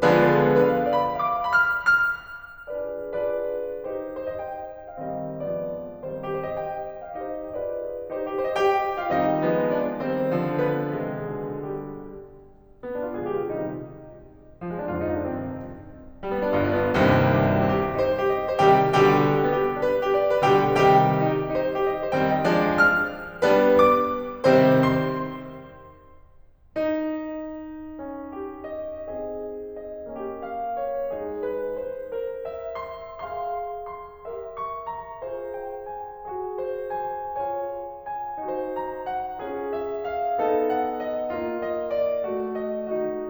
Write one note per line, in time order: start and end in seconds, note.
0.00 0.59 D3
0.00 0.59 F3
0.00 0.59 G#3
0.00 0.59 B3
0.00 0.59 D4
0.00 0.59 F4
0.00 0.59 G#4
0.00 0.59 B4
0.66 0.73 B4
0.73 0.98 F5
0.99 1.06 D5
1.07 1.27 B5
1.27 1.34 F5
1.34 1.54 D6
1.54 1.60 B5
1.60 1.88 F6
1.89 2.32 F6
2.76 3.13 D4
2.76 3.13 F4
2.76 3.13 G#4
2.76 3.13 B4
2.76 3.13 D5
3.13 3.89 D4
3.13 3.89 F4
3.13 3.89 G#4
3.13 3.89 B4
3.13 3.89 D5
3.90 4.20 D#4
3.90 4.20 G4
3.90 4.20 C5
4.20 4.41 C5
4.37 4.41 D#5
4.41 4.81 G5
4.81 4.98 F5
4.98 5.35 D#3
4.98 5.35 G3
4.98 5.35 C4
4.98 5.35 D#5
5.35 6.01 F3
5.35 6.01 G#3
5.35 6.01 B3
5.35 6.01 D5
6.01 6.36 D#3
6.01 6.36 G3
6.01 6.36 C4
6.01 6.36 C5
6.36 6.44 G4
6.36 6.62 C5
6.44 6.62 D#5
6.62 7.00 G5
7.00 7.16 F5
7.16 7.50 C4
7.16 7.50 D#4
7.16 7.50 D#5
7.51 8.12 D4
7.51 8.12 F4
7.51 8.12 B4
7.51 8.12 D5
8.12 8.41 C4
8.12 8.41 D#4
8.12 8.41 C5
8.43 8.51 G4
8.48 8.58 C5
8.53 8.58 D#5
8.59 9.06 G4
8.59 9.06 G5
9.06 9.18 F4
9.06 9.18 F5
9.20 9.46 D#3
9.20 9.46 G3
9.20 9.46 C4
9.20 9.72 D#4
9.20 9.72 D#5
9.46 10.01 F3
9.46 10.01 G#3
9.46 10.01 B3
9.72 10.01 D4
9.72 10.01 D5
10.02 10.30 D#3
10.02 10.30 G3
10.02 10.59 C4
10.02 10.59 C5
10.30 10.92 D3
10.30 10.92 F3
10.59 10.92 B3
10.59 10.92 B4
10.92 11.31 C3
10.92 11.31 D#3
10.92 11.75 G#3
10.92 11.75 G#4
11.31 11.75 B2
11.31 11.75 D3
11.76 12.14 G3
11.76 12.14 G4
12.82 12.96 B3
12.97 13.05 D4
13.05 13.13 F4
13.13 13.46 A#2
13.13 13.46 D3
13.13 13.46 F3
13.13 13.46 G#3
13.13 13.22 G#4
13.22 13.36 G4
13.36 13.46 F4
13.47 13.76 C3
13.47 13.76 D#3
13.47 13.76 G3
13.47 13.76 D#4
14.62 14.70 F3
14.70 14.79 G#3
14.79 14.90 C4
14.91 15.17 F2
14.91 15.17 G#2
14.91 15.17 D3
14.91 15.00 F4
15.00 15.09 D#4
15.09 15.17 D4
15.17 15.46 G2
15.17 15.46 C3
15.17 15.46 D#3
15.17 15.46 C4
16.27 16.35 G3
16.35 16.45 B3
16.45 16.60 D4
16.60 17.00 G1
16.60 17.00 G2
16.60 16.71 F4
16.72 16.81 D4
16.87 17.00 B3
17.00 17.48 C2
17.00 17.48 D#2
17.00 17.48 G2
17.00 17.48 C3
17.00 17.48 D#3
17.00 17.48 G3
17.00 17.48 C4
17.59 17.67 C4
17.67 17.90 G4
17.91 18.00 D#4
18.00 18.20 C5
18.20 18.27 G4
18.27 18.53 D#5
18.53 18.60 C5
18.60 18.88 C3
18.60 18.88 D#3
18.60 18.88 G3
18.60 18.88 G4
18.60 18.88 G5
18.89 19.25 B2
18.89 19.25 D3
18.89 19.25 G3
18.89 19.25 G4
18.89 19.25 G5
19.49 19.56 B3
19.56 19.76 G4
19.76 19.82 D4
19.82 20.00 B4
20.00 20.09 G4
20.09 20.34 D5
20.38 20.43 B4
20.45 20.74 B2
20.45 20.74 D3
20.45 20.74 G3
20.45 20.74 G4
20.45 20.74 G5
20.74 21.04 C3
20.74 21.04 D#3
20.74 21.04 G3
20.74 21.04 G4
20.74 21.04 G5
21.25 21.32 D#4
21.32 21.52 G4
21.52 21.59 D#4
21.59 21.78 C5
21.79 21.85 G4
21.86 22.08 D#5
22.08 22.15 C5
22.15 22.48 D#3
22.15 22.48 G3
22.15 22.48 C4
22.15 22.41 G5
22.41 22.48 D#5
22.48 22.83 F3
22.48 22.83 G#3
22.48 22.83 D4
22.48 22.83 D5
22.84 23.17 F6
23.57 23.87 G3
23.57 23.87 B3
23.57 23.87 D4
23.57 23.87 B4
23.87 24.21 D6
24.52 24.83 C3
24.52 24.83 D#3
24.52 24.83 G3
24.52 24.83 C4
24.52 24.83 C5
24.83 25.60 C6
26.75 30.19 D#4
28.01 29.09 C#4
28.33 29.09 G4
28.69 29.09 D#5
29.09 30.19 C4
29.09 30.19 G#4
29.09 29.88 D#5
29.88 30.48 D#5
30.20 31.14 A#3
30.20 31.14 C#4
30.20 31.14 G4
30.48 30.80 F5
30.80 31.45 C#5
31.15 32.16 G#3
31.15 32.16 D#4
31.15 32.16 G#4
31.45 31.79 B4
31.79 32.16 C5
32.16 33.31 A#4
32.16 34.26 C5
32.51 33.31 E5
32.87 33.31 C6
33.31 34.26 G#4
33.31 34.26 F5
33.31 33.91 C6
33.91 34.57 C6
34.26 35.22 G4
34.26 35.22 A#4
34.26 35.22 E5
34.59 34.88 C#6
34.88 35.55 A#5
35.22 36.25 F4
35.22 36.25 G#4
35.22 36.25 C5
35.55 35.91 G5
35.91 36.25 G#5
36.26 37.41 F#4
36.26 38.39 G#4
36.57 37.41 C5
36.93 37.41 G#5
37.42 38.39 F4
37.42 38.39 C#5
37.42 38.05 G#5
38.06 38.75 G#5
38.39 39.40 D#4
38.39 39.40 F#4
38.39 39.40 C5
38.75 39.08 A#5
39.09 39.72 F#5
39.40 40.46 C#4
39.40 40.46 F4
39.40 40.46 G#4
39.72 40.10 E5
40.10 40.76 F5
40.46 41.33 B3
40.46 41.33 D#4
40.46 41.33 A4
40.77 41.06 F#5
41.06 41.61 D#5
41.33 42.25 A#3
41.33 42.25 F4
41.61 41.92 D#5
41.92 42.67 D5
42.26 43.31 A3
42.67 43.01 D#5
43.01 43.31 D#4
43.01 43.31 F#4